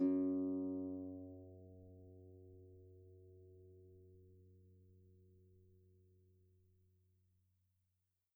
<region> pitch_keycenter=42 lokey=42 hikey=43 tune=-2 volume=16.339891 xfout_lovel=70 xfout_hivel=100 ampeg_attack=0.004000 ampeg_release=30.000000 sample=Chordophones/Composite Chordophones/Folk Harp/Harp_Normal_F#1_v2_RR1.wav